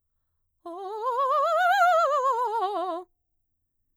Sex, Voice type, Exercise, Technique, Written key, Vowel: female, mezzo-soprano, scales, fast/articulated piano, F major, o